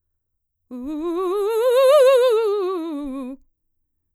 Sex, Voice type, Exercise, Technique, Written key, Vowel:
female, mezzo-soprano, scales, fast/articulated forte, C major, u